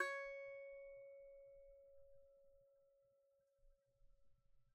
<region> pitch_keycenter=73 lokey=73 hikey=73 volume=15.503676 lovel=0 hivel=65 ampeg_attack=0.004000 ampeg_release=15.000000 sample=Chordophones/Composite Chordophones/Strumstick/Finger/Strumstick_Finger_Str3_Main_C#4_vl1_rr1.wav